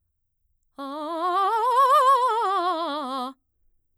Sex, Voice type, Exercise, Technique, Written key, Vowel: female, mezzo-soprano, scales, fast/articulated forte, C major, a